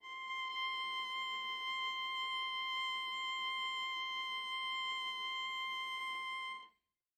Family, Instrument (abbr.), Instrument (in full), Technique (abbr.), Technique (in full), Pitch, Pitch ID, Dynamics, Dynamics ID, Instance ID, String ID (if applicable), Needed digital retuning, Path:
Strings, Va, Viola, ord, ordinario, C6, 84, mf, 2, 1, 2, FALSE, Strings/Viola/ordinario/Va-ord-C6-mf-2c-N.wav